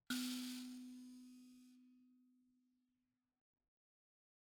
<region> pitch_keycenter=59 lokey=59 hikey=60 volume=19.343076 offset=4668 ampeg_attack=0.004000 ampeg_release=30.000000 sample=Idiophones/Plucked Idiophones/Mbira dzaVadzimu Nyamaropa, Zimbabwe, Low B/MBira4_pluck_Main_B2_13_50_100_rr3.wav